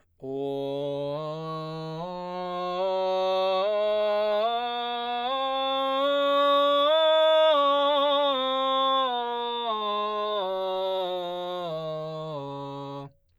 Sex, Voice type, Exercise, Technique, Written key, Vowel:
male, baritone, scales, belt, , o